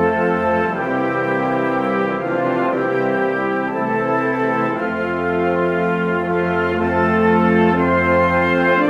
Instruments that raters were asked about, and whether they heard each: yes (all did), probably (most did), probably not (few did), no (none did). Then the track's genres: trumpet: probably not
trombone: probably
guitar: no
organ: no
Old-Time / Historic; Holiday